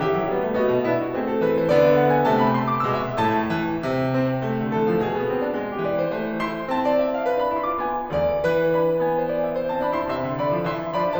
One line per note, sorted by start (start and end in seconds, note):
0.00 0.16 E3
0.00 0.57 G4
0.00 0.57 E5
0.16 0.31 F#3
0.33 0.44 G3
0.33 0.57 B3
0.44 0.57 A3
0.58 0.89 B3
0.58 0.89 F#4
0.58 0.89 D#5
0.71 0.89 B2
0.89 1.15 B3
0.89 1.15 D4
0.89 1.02 E4
0.89 1.43 E5
1.03 1.15 F#4
1.15 1.43 A3
1.15 1.72 C4
1.15 1.31 G#4
1.32 1.43 A4
1.43 1.72 E3
1.43 1.58 B4
1.59 1.72 C5
1.72 2.25 D3
1.72 2.25 B3
1.72 1.86 D5
1.86 1.99 E5
2.00 2.15 F#5
2.15 2.25 G#5
2.26 2.90 C3
2.26 2.90 A3
2.26 2.37 A5
2.37 2.66 B5
2.67 2.77 C6
2.77 2.90 D6
2.90 3.19 B2
2.90 3.19 G#3
2.90 3.04 E6
3.05 3.19 E5
3.19 3.52 A2
3.19 3.52 A3
3.19 3.52 A5
3.52 3.83 E3
3.83 4.61 C3
4.06 4.35 C4
4.44 5.13 A3
4.61 4.78 D3
4.79 4.92 E3
4.79 5.04 A4
4.92 5.04 F3
5.04 5.60 B2
5.04 5.77 G#4
5.13 5.27 B3
5.27 5.47 C4
5.49 5.60 D4
5.60 6.13 G#3
5.78 5.89 A4
5.89 6.13 E3
5.89 6.03 B4
5.89 6.13 D5
6.03 6.13 C5
6.13 7.81 E3
6.13 6.42 A3
6.13 6.84 C5
6.43 6.71 E4
6.43 6.71 C6
6.72 7.41 C4
6.72 7.41 A5
6.84 6.99 D5
7.00 7.12 E5
7.12 7.30 F5
7.30 7.81 B4
7.42 7.58 D4
7.42 7.58 B5
7.58 7.69 E4
7.58 7.69 C6
7.70 7.81 F4
7.70 7.81 D6
7.81 8.13 B3
7.81 8.13 G#5
8.13 8.42 D5
8.44 9.85 E3
8.44 9.21 B4
8.77 9.07 D4
8.77 9.07 B5
9.08 9.72 B3
9.08 9.72 G#5
9.21 9.32 C5
9.32 9.42 D5
9.43 9.56 E5
9.56 10.08 C5
9.73 9.85 C4
9.73 9.85 A5
9.85 10.08 E3
9.85 9.96 D4
9.85 9.96 B5
9.97 10.08 E4
9.97 10.08 C6
10.08 10.27 C3
10.08 10.39 E5
10.08 10.39 C6
10.27 10.39 D3
10.40 10.57 E3
10.40 10.67 D5
10.40 10.67 B5
10.57 10.67 F3
10.68 10.95 E3
10.68 10.95 E5
10.68 10.95 C6
10.96 11.19 F3
10.96 11.19 D4
10.96 11.19 D5
10.96 11.19 B5